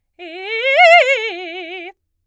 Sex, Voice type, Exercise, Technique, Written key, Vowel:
female, soprano, arpeggios, fast/articulated forte, F major, e